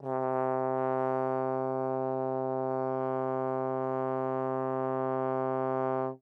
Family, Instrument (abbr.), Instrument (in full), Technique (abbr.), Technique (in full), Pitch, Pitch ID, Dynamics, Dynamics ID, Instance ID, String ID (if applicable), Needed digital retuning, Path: Brass, Tbn, Trombone, ord, ordinario, C3, 48, mf, 2, 0, , TRUE, Brass/Trombone/ordinario/Tbn-ord-C3-mf-N-T18d.wav